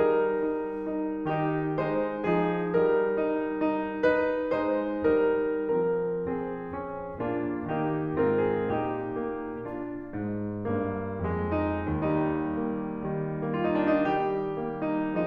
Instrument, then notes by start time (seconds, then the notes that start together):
piano
0.00 G3 D#4 A#4
0.49 D#4
0.87 D#4
1.28 D#3 D#4 G4
1.76 G#3 D#4 C5
2.32 F3 D#4 G#4
2.77 G3 D#4 A#4
3.26 D#4
3.72 D#4
4.05 D#4 B4
4.54 G#3 D#4 C5
5.10 G3 D#4 A#4
5.76 F3 C4 A#4
6.25 C4 G#4
6.68 C#4
7.23 A#2 A#3 D4 F4
7.70 D#3 A#3 D#4 G4
8.21 G#2 C4 F4 A#4
8.39 G#4
8.77 A#2 D#4 G4
9.20 A#3
9.69 D4 F4
10.09 G#2
10.67 G2 A#3
11.25 F2 G#3
11.59 D#4
11.96 D#2 G3 D#4
12.46 A#3
13.01 D#3 G3
13.57 A#3 F4
13.73 D#4
13.85 D4
13.93 D#4
14.05 G3 G4
14.62 A#3
14.83 D#4